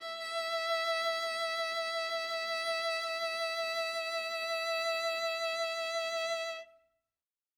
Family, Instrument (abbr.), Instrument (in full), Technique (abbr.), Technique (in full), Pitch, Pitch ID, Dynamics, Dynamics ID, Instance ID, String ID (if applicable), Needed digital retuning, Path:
Strings, Va, Viola, ord, ordinario, E5, 76, ff, 4, 0, 1, TRUE, Strings/Viola/ordinario/Va-ord-E5-ff-1c-T13u.wav